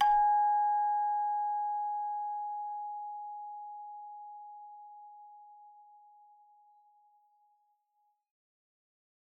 <region> pitch_keycenter=80 lokey=80 hikey=80 tune=-1 volume=10.418110 ampeg_attack=0.004000 ampeg_release=30.000000 sample=Idiophones/Struck Idiophones/Hand Chimes/sus_G#4_r01_main.wav